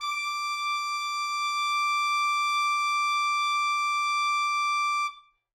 <region> pitch_keycenter=86 lokey=86 hikey=87 volume=14.456710 lovel=84 hivel=127 ampeg_attack=0.004000 ampeg_release=0.500000 sample=Aerophones/Reed Aerophones/Tenor Saxophone/Non-Vibrato/Tenor_NV_Main_D5_vl3_rr1.wav